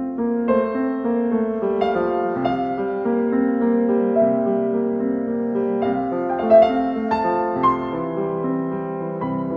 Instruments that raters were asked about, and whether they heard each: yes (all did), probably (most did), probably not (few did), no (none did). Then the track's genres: piano: yes
Classical